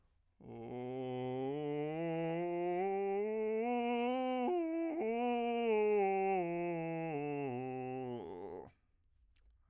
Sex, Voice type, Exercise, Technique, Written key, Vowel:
male, bass, scales, vocal fry, , o